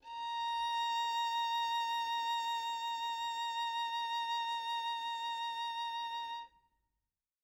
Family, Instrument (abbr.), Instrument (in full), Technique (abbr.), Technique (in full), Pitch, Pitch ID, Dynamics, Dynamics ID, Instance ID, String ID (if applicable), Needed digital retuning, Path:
Strings, Vn, Violin, ord, ordinario, A#5, 82, mf, 2, 1, 2, FALSE, Strings/Violin/ordinario/Vn-ord-A#5-mf-2c-N.wav